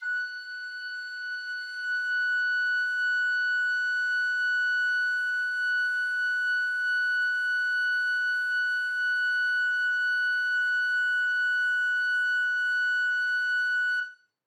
<region> pitch_keycenter=90 lokey=90 hikey=90 volume=15.744581 offset=305 ampeg_attack=0.005000 ampeg_release=0.300000 sample=Aerophones/Edge-blown Aerophones/Baroque Soprano Recorder/Sustain/SopRecorder_Sus_F#5_rr1_Main.wav